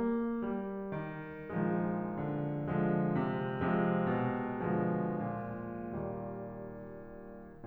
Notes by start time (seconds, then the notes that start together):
0.00 A#3
0.52 G3
0.93 D#3
1.60 A#1 D#3 F3 G#3
2.14 D3
2.69 D3 F3 G#3
3.15 C3
3.62 C3 F3 G#3
4.12 B2
4.62 B2 F3 G#3
5.13 A#2
5.84 D#2 A#2 D#3 G3